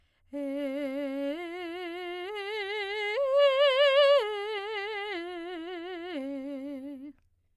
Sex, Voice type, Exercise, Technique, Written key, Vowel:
female, soprano, arpeggios, slow/legato piano, C major, e